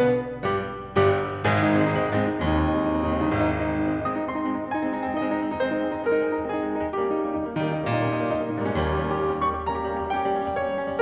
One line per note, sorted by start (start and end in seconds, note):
0.01 0.44 B2
0.01 0.44 B3
0.01 0.44 B4
0.44 1.03 G2
0.44 1.03 G3
0.44 1.03 G4
1.03 1.45 G1
1.03 1.45 G2
1.03 1.45 G3
1.03 1.45 G4
1.45 1.94 G#1
1.45 1.94 G#2
1.45 1.69 G#3
1.45 1.63 G#4
1.56 1.77 D#4
1.69 1.94 G#3
1.69 1.92 C4
1.79 2.07 D#4
1.94 2.15 G#3
1.94 2.14 C4
2.08 2.28 D#4
2.20 2.39 G#2
2.20 2.36 G#3
2.20 2.35 C4
2.30 2.49 D#4
2.40 2.84 D#2
2.40 2.61 G#3
2.40 2.59 C4
2.51 2.69 D#4
2.62 2.80 G#3
2.62 2.80 C4
2.73 2.94 D#4
2.84 3.04 G#3
2.84 3.02 C4
2.97 3.19 D#4
3.06 3.21 D#2
3.06 3.29 G#3
3.06 3.31 C4
3.14 3.27 C#2
3.21 3.31 C2
3.21 3.38 D#4
3.27 3.31 A#1
3.33 3.74 G#1
3.33 3.51 G#3
3.33 3.51 C4
3.42 3.59 D#4
3.54 3.73 G#3
3.54 3.71 C4
3.65 3.84 D#4
3.74 3.93 G#3
3.74 3.92 C4
3.85 4.07 D#4
3.95 4.17 G#3
3.95 4.19 C4
3.95 4.21 D#6
4.08 4.28 D#4
4.22 4.39 G#3
4.22 4.39 C4
4.22 4.67 C6
4.31 4.53 D#4
4.44 4.65 G#3
4.44 4.65 C4
4.55 4.75 D#4
4.67 4.84 G#3
4.67 4.84 C4
4.67 5.11 G#5
4.78 5.01 D#4
4.86 5.10 G#3
4.86 5.11 C4
5.02 5.20 D#4
5.13 5.30 G#3
5.13 5.53 D#5
5.22 5.39 D#4
5.32 5.50 G#3
5.32 5.36 C4
5.43 5.63 D#4
5.53 5.73 G#3
5.53 5.74 C4
5.53 5.97 C5
5.67 5.86 D#4
5.76 5.96 G#3
5.76 5.95 C4
5.87 6.05 D#4
5.97 6.18 G#3
5.97 6.17 C4
5.97 6.38 A#4
6.09 6.26 D#4
6.21 6.37 G#3
6.21 6.34 C4
6.28 6.45 D#4
6.38 6.55 G#3
6.38 6.57 C4
6.38 6.79 G#4
6.47 6.65 D#4
6.59 6.75 G#3
6.59 6.77 C4
6.69 6.86 D#4
6.79 6.96 G3
6.79 6.97 A#3
6.79 6.96 C#4
6.79 7.18 G4
6.88 7.10 D#4
7.01 7.18 G3
7.01 7.16 A#3
7.01 7.18 C#4
7.11 7.26 D#4
7.19 7.37 G3
7.19 7.37 A#3
7.19 7.38 C#4
7.30 7.47 D#4
7.42 7.69 D#3
7.42 7.60 G3
7.42 7.60 A#3
7.42 7.61 C#4
7.54 7.80 D#4
7.69 8.17 A#2
7.69 7.94 G3
7.69 7.89 A#3
7.69 7.89 C#4
7.83 8.05 D#4
7.95 8.12 G3
7.95 8.12 A#3
7.95 8.11 C#4
8.05 8.30 D#4
8.19 8.39 G3
8.19 8.39 A#3
8.19 8.40 C#4
8.31 8.61 D#4
8.48 8.62 A#2
8.48 8.70 G3
8.48 8.71 A#3
8.48 8.70 C#4
8.56 8.68 G#2
8.63 8.75 G2
8.63 8.85 D#4
8.69 8.75 F2
8.75 9.20 D#2
8.75 8.93 G3
8.75 8.93 A#3
8.75 8.93 C#4
8.86 9.07 D#4
9.00 9.18 G3
9.00 9.17 A#3
9.00 9.17 C#4
9.11 9.27 D#4
9.21 9.42 G3
9.21 9.40 A#3
9.21 9.40 C#4
9.31 9.50 D#4
9.43 9.61 G3
9.43 9.62 A#3
9.43 9.61 C#4
9.43 9.64 C#6
9.54 9.71 D#4
9.64 9.82 G3
9.64 9.82 A#3
9.64 9.83 C#4
9.64 10.12 A#5
9.76 9.94 D#4
9.85 10.07 G3
9.85 10.07 A#3
9.85 10.07 C#4
9.98 10.22 D#4
10.12 10.35 G3
10.12 10.35 A#3
10.12 10.34 C#4
10.12 10.58 G5
10.26 10.44 D#4
10.36 10.56 G3
10.36 10.57 A#3
10.36 10.56 C#4
10.45 10.68 D#4
10.58 10.80 G3
10.58 10.78 A#3
10.58 10.77 C#4
10.58 11.02 C#5
10.71 10.91 D#4
10.83 11.00 G3
10.83 11.01 A#3
10.83 11.00 C#4
10.93 11.02 D#4